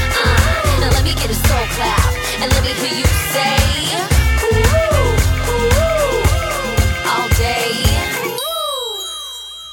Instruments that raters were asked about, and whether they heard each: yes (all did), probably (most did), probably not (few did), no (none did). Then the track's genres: voice: yes
Hip-Hop